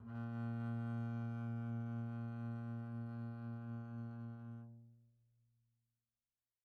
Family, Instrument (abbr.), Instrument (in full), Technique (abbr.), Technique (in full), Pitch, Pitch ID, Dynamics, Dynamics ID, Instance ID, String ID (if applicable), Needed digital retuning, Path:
Strings, Cb, Contrabass, ord, ordinario, A#2, 46, pp, 0, 0, 1, FALSE, Strings/Contrabass/ordinario/Cb-ord-A#2-pp-1c-N.wav